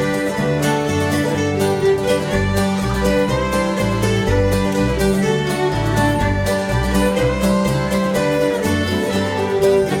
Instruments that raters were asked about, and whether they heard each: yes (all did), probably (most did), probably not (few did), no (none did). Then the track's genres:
violin: yes
banjo: probably
mandolin: probably
Celtic